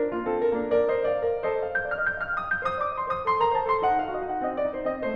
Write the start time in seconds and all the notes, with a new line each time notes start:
0.00 D4 A#4
0.13 A#3 F4
0.35 C4 A4
0.50 D4 A#4
0.64 A#3 D4
0.80 A#4 D5
0.92 C5 D#5
1.07 D5 F5
1.25 A#4 D5
1.45 F4 A4 C5 D#5
1.59 F5
1.71 D#5 G6
1.83 D5 F6
1.97 D#5 G6
2.11 F5 F6
2.30 G5 D#6
2.45 D#5 G6
2.62 C5 D#6
2.83 D5 D6
2.96 D#5 C6
3.11 C5 D#6
3.29 A4 C6
3.45 A#4 A#5
3.53 C5 A5
3.65 A4 C6
3.85 D#4 F#5
3.96 F4 F5
4.11 F#4 D#5
4.27 D#4 F#5
4.44 C4 D#5
4.59 D4 D5
4.75 D#4 C5
4.88 C4 D#5
5.05 A3 C5